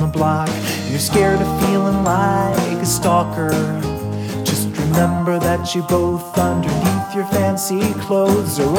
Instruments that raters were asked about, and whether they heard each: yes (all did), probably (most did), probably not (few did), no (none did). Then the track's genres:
ukulele: no
Pop; Folk; Singer-Songwriter